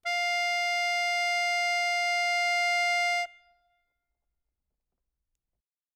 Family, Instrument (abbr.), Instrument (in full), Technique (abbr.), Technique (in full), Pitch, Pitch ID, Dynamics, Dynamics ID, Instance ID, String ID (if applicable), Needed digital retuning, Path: Keyboards, Acc, Accordion, ord, ordinario, F5, 77, ff, 4, 2, , FALSE, Keyboards/Accordion/ordinario/Acc-ord-F5-ff-alt2-N.wav